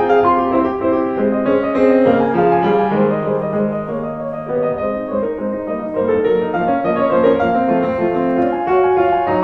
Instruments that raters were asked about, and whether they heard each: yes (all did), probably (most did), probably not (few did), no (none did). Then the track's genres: accordion: no
piano: yes
Classical